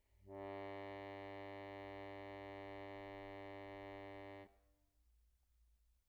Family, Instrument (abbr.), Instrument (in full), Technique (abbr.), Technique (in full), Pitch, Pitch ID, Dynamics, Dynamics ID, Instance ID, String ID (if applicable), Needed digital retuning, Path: Keyboards, Acc, Accordion, ord, ordinario, G2, 43, pp, 0, 0, , FALSE, Keyboards/Accordion/ordinario/Acc-ord-G2-pp-N-N.wav